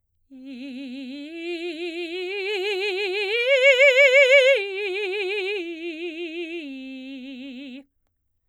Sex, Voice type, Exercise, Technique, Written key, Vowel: female, soprano, arpeggios, vibrato, , i